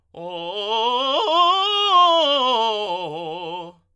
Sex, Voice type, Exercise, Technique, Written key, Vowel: male, tenor, scales, fast/articulated forte, F major, o